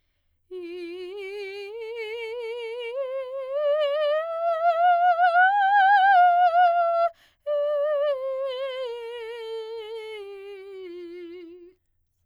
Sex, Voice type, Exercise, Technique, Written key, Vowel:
female, soprano, scales, slow/legato piano, F major, i